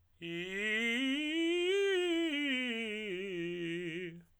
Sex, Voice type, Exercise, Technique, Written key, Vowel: male, tenor, scales, fast/articulated piano, F major, i